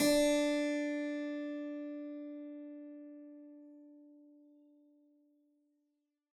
<region> pitch_keycenter=62 lokey=62 hikey=63 volume=1.471717 trigger=attack ampeg_attack=0.004000 ampeg_release=0.400000 amp_veltrack=0 sample=Chordophones/Zithers/Harpsichord, Flemish/Sustains/Low/Harpsi_Low_Far_D3_rr1.wav